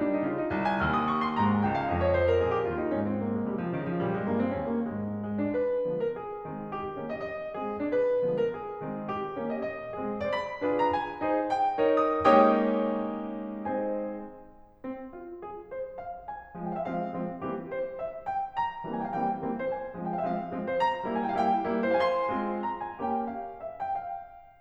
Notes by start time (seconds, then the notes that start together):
0.00 G3 D4
0.16 D#4
0.29 C#3 F4
0.42 D#4
0.57 C2
0.67 G#5
0.82 D#2 F6
0.98 D#6
1.11 C#6
1.22 C6
1.39 G#2 A#5
1.51 G#5
1.64 C#2 G5
1.78 F5
1.89 F2 D#5
1.99 C#5
2.14 C5
2.29 A#4
2.45 A#2 G#4
2.58 G4
2.69 D#2 F4
2.83 D#4
2.94 G#2 C#4
3.04 C4
3.17 A#3
3.31 G#3
3.41 C3 G3
3.55 F3
3.70 C#3 D#3
3.83 F3
3.98 A#2 G3
4.13 G#3
4.30 G2 A#3
4.44 C4
4.57 D#2 C#4
4.73 A#3
4.85 G#2 G#3
5.22 G#3
5.47 D4
5.54 B4
5.84 D3 F3 G#3 B3
5.99 A#4
6.15 G#4
6.43 D#3 G#3 C4
6.69 G4
6.98 D#3 A#3 C#4
7.12 D#5
7.26 D#5
7.56 G#3 C4 G#4
7.79 D4
7.84 B4
8.17 D3 F3 G#3 B3
8.34 A#4
8.52 G#4
8.84 D#3 G#3 C4
9.11 G4
9.38 D#3 A#3 C#4
9.51 D#5
9.66 D#5
9.97 G#3 C4 G#4
10.25 D5
10.31 B5
10.62 D4 F4 G#4 B4
10.79 A#5
10.92 G#5
11.24 D#4 G#4 C5
11.49 G5
11.80 D#4 A#4 C#5
11.96 D#6
12.21 G#3 A#3 C#4 D#4 G4 C#5 G5 D#6
13.72 G#3 C4 D#4 G#4 C5 D#5 G#5
14.87 C4
15.15 F4
15.39 G#4
15.69 C5
15.99 F5
16.29 G#5
16.54 F3 G#3 C4
16.68 G5
16.73 F5
16.80 E5
16.85 F3 G#3 C4 F5
17.11 F3 G#3 C4
17.45 E3 G3 A#3 C4 G4
17.72 C5
18.00 E5
18.26 G5
18.53 A#5
18.84 E3 G3 A#3 C4
18.94 G#5
18.98 G5
19.03 F5
19.09 E3 G3 A#3 C4 G5
19.37 E3 G3 A#3 C4
19.63 C5
19.69 G#5
19.96 F3 G#3 C4
20.07 G5
20.14 F5
20.19 E5
20.24 F3 G#3 C4 F5
20.51 F3 G#3 C4
20.81 C5
20.85 A#5
21.05 G3 A#3 E4
21.19 G#5
21.25 G5
21.29 F5
21.34 G3 A#3 E4 G5
21.69 G3 A#3 E4
22.00 G#4
22.05 F5
22.13 G#5
22.18 C6
22.36 G#3 C4 F4
22.66 A#5
22.83 G#5
23.07 A#3 C#4 G4 G5
23.30 F5
23.59 E5
23.67 F5
23.78 G5
23.82 F5